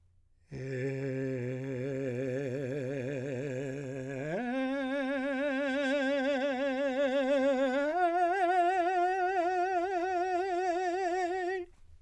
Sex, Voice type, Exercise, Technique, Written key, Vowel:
male, , long tones, trill (upper semitone), , e